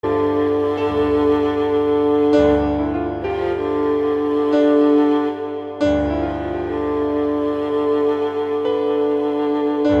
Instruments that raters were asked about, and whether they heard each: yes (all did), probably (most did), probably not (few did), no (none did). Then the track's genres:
cello: yes
Ambient